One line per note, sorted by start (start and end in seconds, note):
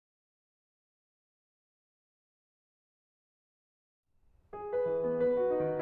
4.21 5.22 G#4
4.69 5.22 B4
4.88 5.05 E3
5.05 5.22 B3
5.22 5.82 B4
5.37 5.82 F#4
5.51 5.64 D#4
5.66 5.82 D#3